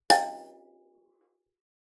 <region> pitch_keycenter=79 lokey=79 hikey=80 volume=2.743160 offset=4647 ampeg_attack=0.004000 ampeg_release=15.000000 sample=Idiophones/Plucked Idiophones/Kalimba, Tanzania/MBira3_pluck_Main_G4_k22_50_100_rr2.wav